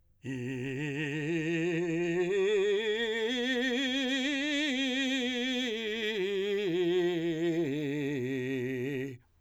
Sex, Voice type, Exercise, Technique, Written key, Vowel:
male, , scales, slow/legato forte, C major, i